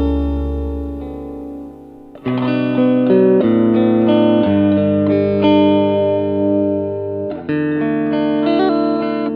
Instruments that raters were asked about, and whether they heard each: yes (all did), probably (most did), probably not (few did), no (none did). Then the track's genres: accordion: no
guitar: yes
piano: no
trombone: no
Pop; Folk; Singer-Songwriter